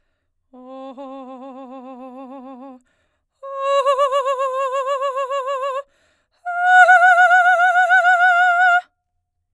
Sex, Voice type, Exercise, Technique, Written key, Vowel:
female, soprano, long tones, trillo (goat tone), , o